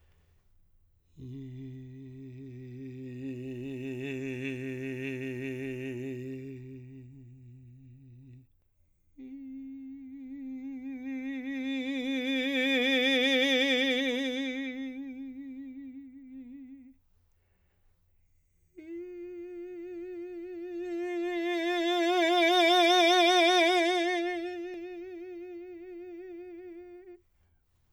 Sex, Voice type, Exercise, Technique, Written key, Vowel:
male, , long tones, messa di voce, , i